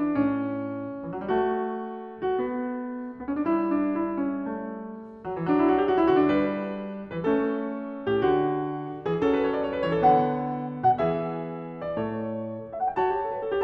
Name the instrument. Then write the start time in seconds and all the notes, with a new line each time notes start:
piano
0.00 D4
0.28 C#4
0.38 A2
1.00 E3
1.10 F#3
1.23 G3
1.35 A3 F#4
1.49 E4
1.54 F#4
2.23 F#4
2.51 B3
3.19 B3
3.27 C#4
3.37 D4
3.47 G3 E4
3.75 D4
3.99 E4
4.24 C#4
4.49 A3
5.27 F#3
5.36 E3
5.43 F#3 D4
5.53 E4
5.63 F#4
5.78 G4
5.87 F#4
5.98 E4
6.07 D3 F#4
6.20 D4
6.33 B4
6.37 G3
7.02 E3 B4
7.24 A3 C#4 A4
8.06 A2 G4
8.28 D3 D4 F#4
9.01 E3 G#4
9.18 F#3 C#4 A4
9.32 B4
9.45 C#5
9.54 D5
9.66 C#5
9.73 B4
9.83 E3 C#5
9.94 A4
10.03 D3 B3 F#5
10.79 B2 F#5
10.99 E3 G#4 E5
11.81 D5
12.00 A2 A4 C#5
12.71 E5
12.79 F#5
12.90 G5
13.00 F#4 C#5 A5
13.13 G4
13.24 A4
13.35 B4
13.43 A4
13.51 G4